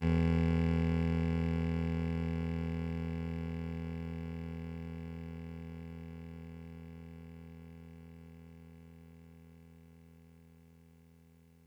<region> pitch_keycenter=28 lokey=27 hikey=30 tune=-1 volume=12.747460 offset=249 lovel=66 hivel=99 ampeg_attack=0.004000 ampeg_release=0.100000 sample=Electrophones/TX81Z/Clavisynth/Clavisynth_E0_vl2.wav